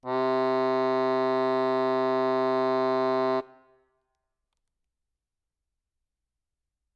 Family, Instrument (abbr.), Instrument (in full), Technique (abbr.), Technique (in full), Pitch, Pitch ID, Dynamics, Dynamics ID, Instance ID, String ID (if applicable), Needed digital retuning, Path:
Keyboards, Acc, Accordion, ord, ordinario, C3, 48, ff, 4, 0, , FALSE, Keyboards/Accordion/ordinario/Acc-ord-C3-ff-N-N.wav